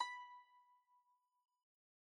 <region> pitch_keycenter=83 lokey=82 hikey=84 volume=19.152715 lovel=0 hivel=65 ampeg_attack=0.004000 ampeg_release=0.300000 sample=Chordophones/Zithers/Dan Tranh/Normal/B4_mf_1.wav